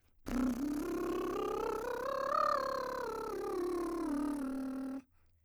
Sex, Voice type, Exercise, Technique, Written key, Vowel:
female, soprano, scales, lip trill, , i